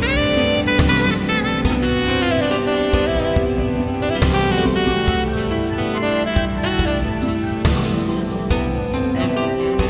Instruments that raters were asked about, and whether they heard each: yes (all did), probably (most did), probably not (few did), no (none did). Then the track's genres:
synthesizer: no
saxophone: yes
Pop; Electronic; New Age; Instrumental